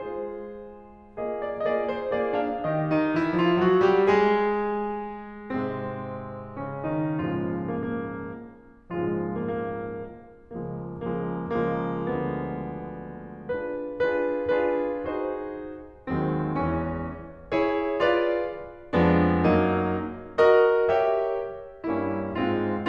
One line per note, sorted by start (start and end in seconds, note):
0.00 1.29 G#3
0.00 1.29 F4
0.00 1.29 G#4
0.00 1.29 C5
1.29 1.66 A#3
1.29 1.66 F4
1.29 1.66 G#4
1.29 1.49 D#5
1.49 1.66 D5
1.66 2.11 A#3
1.66 2.11 F4
1.66 2.11 G#4
1.66 1.72 D#5
1.72 1.89 D5
1.90 2.11 C5
2.12 2.69 A#3
2.12 2.38 F4
2.12 2.69 G#4
2.12 2.38 D5
2.39 2.69 D4
2.39 2.69 F5
2.69 2.93 D#3
2.69 2.93 D#4
2.69 2.93 G4
2.69 2.93 D#5
2.93 3.20 D#3
2.93 3.20 D#4
3.20 3.40 E3
3.20 3.40 E4
3.40 3.61 F3
3.40 3.61 F4
3.62 3.87 F#3
3.62 3.87 F#4
3.87 4.10 G3
3.87 4.10 G4
4.10 5.56 G#3
4.10 5.56 G#4
5.56 7.23 G#2
5.56 6.57 C3
5.56 7.23 G#3
5.56 6.57 C4
6.57 6.84 C#3
6.57 6.84 C#4
6.85 7.23 D#3
6.85 7.23 D#4
7.23 8.22 C#2
7.23 8.22 G#2
7.23 8.22 A#2
7.23 8.22 C#3
7.23 8.22 F3
7.23 8.22 G#3
7.23 7.58 F4
7.59 7.73 A#3
7.73 8.48 A#3
8.79 9.76 C#2
8.79 9.76 G#2
8.79 9.76 A#2
8.79 9.76 C#3
8.79 9.76 F3
8.79 9.76 G#3
8.79 9.14 F4
9.15 9.26 A#3
9.28 10.04 A#3
10.32 10.83 C#2
10.32 10.83 C#3
10.32 10.83 F3
10.32 10.83 G#3
10.32 10.83 A#3
10.84 11.37 C#2
10.84 11.37 C#3
10.84 11.37 F3
10.84 11.37 G#3
10.84 11.37 A#3
11.39 11.94 C#2
11.39 11.94 C#3
11.39 11.94 F3
11.39 11.94 G#3
11.39 11.94 A#3
11.95 13.44 D2
11.95 13.44 D3
11.95 13.44 F3
11.95 13.44 G#3
11.95 13.44 B3
13.44 14.00 D4
13.44 14.00 F4
13.44 14.00 G#4
13.44 14.00 B4
14.00 14.59 D4
14.00 14.59 F4
14.00 14.59 G#4
14.00 14.59 B4
14.59 15.15 D4
14.59 15.15 F4
14.59 15.15 G#4
14.59 15.15 B4
15.15 16.04 D#4
15.15 16.04 F#4
15.15 16.04 G#4
15.15 16.04 C5
16.04 16.58 D#2
16.04 16.58 D#3
16.04 16.58 F#3
16.04 16.58 G#3
16.04 16.58 C4
16.58 17.19 E2
16.58 17.19 E3
16.58 17.19 G#3
16.58 17.19 C#4
17.69 18.11 E4
17.69 18.11 G#4
17.69 18.11 C#5
18.12 18.54 F4
18.12 18.54 G#4
18.12 18.54 B4
18.12 18.54 D5
18.99 19.52 F2
18.99 19.52 F3
18.99 19.52 G#3
18.99 19.52 B3
18.99 19.52 D4
19.53 19.91 F#2
19.53 19.91 F#3
19.53 19.91 A#3
19.53 19.91 D#4
20.47 20.99 F#4
20.47 20.99 A#4
20.47 20.99 D#5
20.99 21.39 G4
20.99 21.39 A#4
20.99 21.39 C#5
20.99 21.39 E5
21.85 22.40 G2
21.85 22.40 G3
21.85 22.40 A#3
21.85 22.40 C#4
21.85 22.40 E4
22.40 22.89 G#2
22.40 22.89 G#3
22.40 22.89 C4
22.40 22.89 F4